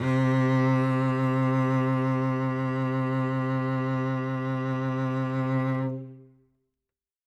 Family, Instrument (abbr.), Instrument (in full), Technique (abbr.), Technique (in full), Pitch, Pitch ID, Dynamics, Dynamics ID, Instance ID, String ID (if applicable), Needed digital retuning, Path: Strings, Vc, Cello, ord, ordinario, C3, 48, ff, 4, 3, 4, FALSE, Strings/Violoncello/ordinario/Vc-ord-C3-ff-4c-N.wav